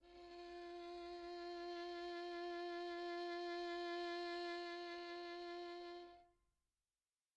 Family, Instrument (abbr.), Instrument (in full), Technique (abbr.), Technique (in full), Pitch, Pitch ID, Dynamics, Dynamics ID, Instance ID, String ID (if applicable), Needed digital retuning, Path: Strings, Vn, Violin, ord, ordinario, F4, 65, pp, 0, 3, 4, FALSE, Strings/Violin/ordinario/Vn-ord-F4-pp-4c-N.wav